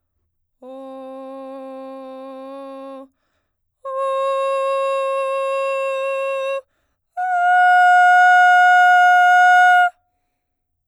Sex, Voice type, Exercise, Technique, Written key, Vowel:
female, soprano, long tones, straight tone, , o